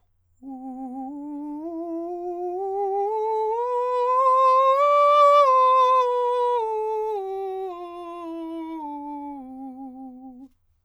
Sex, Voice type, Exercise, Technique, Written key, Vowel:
male, countertenor, scales, slow/legato forte, C major, u